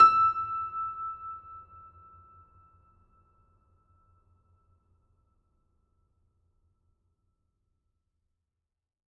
<region> pitch_keycenter=88 lokey=88 hikey=89 volume=0.761337 lovel=100 hivel=127 locc64=65 hicc64=127 ampeg_attack=0.004000 ampeg_release=0.400000 sample=Chordophones/Zithers/Grand Piano, Steinway B/Sus/Piano_Sus_Close_E6_vl4_rr1.wav